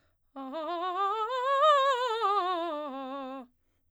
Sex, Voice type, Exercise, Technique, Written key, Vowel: female, soprano, scales, fast/articulated piano, C major, a